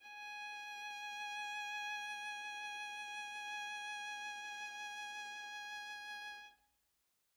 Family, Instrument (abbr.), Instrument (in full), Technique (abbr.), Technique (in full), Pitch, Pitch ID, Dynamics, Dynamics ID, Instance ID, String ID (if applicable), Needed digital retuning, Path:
Strings, Va, Viola, ord, ordinario, G#5, 80, mf, 2, 0, 1, TRUE, Strings/Viola/ordinario/Va-ord-G#5-mf-1c-T13u.wav